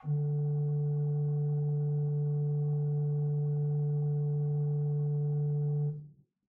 <region> pitch_keycenter=38 lokey=38 hikey=39 tune=1 ampeg_attack=0.004000 ampeg_release=0.300000 amp_veltrack=0 sample=Aerophones/Edge-blown Aerophones/Renaissance Organ/4'/RenOrgan_4foot_Room_D1_rr1.wav